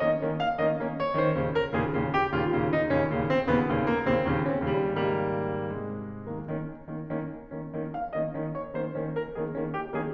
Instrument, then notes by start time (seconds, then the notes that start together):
piano
0.00 D#3 A#3 C#4 D#5
0.19 D#3 A#3 C#4
0.41 F5
0.59 D#3 A#3 C#4 D#5
0.78 D#3 A#3 C#4
0.95 C#5
1.11 D#3 A#3 C#4 C5
1.34 D#2 A#2 C#3
1.54 A#4
1.72 D#2 A#2 C#3 G#4
1.92 D#2 A#2 C#3
2.12 G4
2.33 D#2 A#2 C#3 F4
2.51 D#2 A#2 C#3
2.69 D#4
2.90 D#2 A#2 C#3 C#4
3.13 D#2 A#2 C#3
3.31 C4
3.51 D#2 A#2 C#3 B3
3.74 D#2 A#2 C#3
3.90 A#3
4.09 D#2 A#2 C#3 C4
4.30 D#2 A#2 C#3
4.53 C#4
4.73 D#2 A#2 C#3 G3
4.98 G#2 C#3 D#3 G3 A#3
5.76 G#2 C3 D#3 G#3
6.27 D#3 A#3 C#4
6.48 D#3 A#3 C#4
6.85 D#3 A#3 C#4
7.04 D#3 A#3 C#4
7.49 D#3 A#3 C#4
7.70 D#3 A#3 C#4
7.93 F5
8.12 D#3 A#3 C#4 D#5
8.29 D#3 A#3 C#4
8.52 C#5
8.71 D#3 A#3 C#4 C5
8.96 D#3 A#3 C#4
9.16 A#4
9.30 D#3 A#3 C#4 G#4
9.52 D#3 A#3 C#4
9.74 G4
9.97 D#3 A#3 C#4 G#4